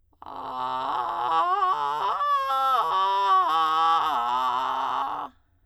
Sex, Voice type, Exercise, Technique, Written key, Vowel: female, soprano, arpeggios, vocal fry, , a